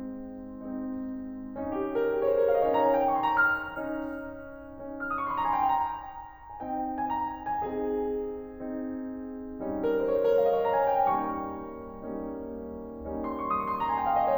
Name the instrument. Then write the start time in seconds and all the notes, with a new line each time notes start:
piano
0.00 G#3 C4 D#4
0.85 G#3 C4 D#4
1.65 C#4 D#4
1.74 G4
1.83 G#4
1.92 A#4
2.00 G#4
2.07 G4
2.17 C#5
2.25 C5
2.35 A#4
2.44 F5
2.58 D#5
2.66 C#5
2.81 C#4 D#4 A#5
2.91 G#5
3.01 G5
3.09 C#6
3.17 C6
3.25 A#5
3.34 F6
3.85 C#4 D#4
4.74 C#4 D#4
5.00 F6
5.12 D#6
5.22 C#6
5.31 C6
5.40 A#5
5.49 G#5
5.63 G5
5.70 A#5
6.19 G#5
6.63 C4 D#4 G5
6.93 G#5
7.08 A#5
7.47 G#5
7.64 C4 D#4 G#4
8.85 C4 D#4
9.61 G3 C#4 D#4
9.82 A#4
9.94 C5
10.12 C#5
10.21 C5
10.29 A#4
10.40 F5
10.50 D#5
10.58 C#5
10.66 A#5
10.76 G#5
10.99 G5
11.10 G3 C#4 D#4 C#6
11.85 G3 A#3 C#4 D#4
13.12 G3 A#3 C#4 D#4
13.28 C6
13.40 C#6
13.53 D#6
13.62 C#6
13.69 C6
13.78 A#5
13.90 G#5
13.98 G5
14.07 F5
14.19 D#5
14.33 C#5